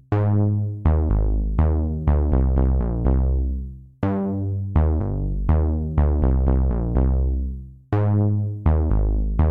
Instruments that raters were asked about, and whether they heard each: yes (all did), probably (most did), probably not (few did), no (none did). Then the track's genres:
mallet percussion: no
synthesizer: yes
violin: no
voice: no
Soundtrack; Ambient Electronic; Ambient; Minimalism